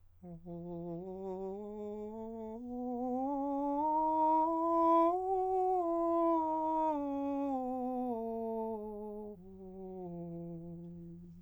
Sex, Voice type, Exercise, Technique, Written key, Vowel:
male, countertenor, scales, slow/legato piano, F major, o